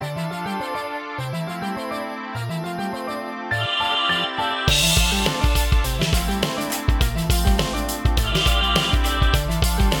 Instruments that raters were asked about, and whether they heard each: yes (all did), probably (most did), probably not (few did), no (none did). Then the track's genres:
accordion: no
Pop; Electronic; Instrumental